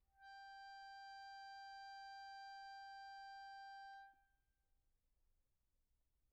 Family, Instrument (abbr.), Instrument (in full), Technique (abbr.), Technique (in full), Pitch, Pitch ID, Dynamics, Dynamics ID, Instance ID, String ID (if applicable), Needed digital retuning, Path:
Keyboards, Acc, Accordion, ord, ordinario, G5, 79, pp, 0, 1, , FALSE, Keyboards/Accordion/ordinario/Acc-ord-G5-pp-alt1-N.wav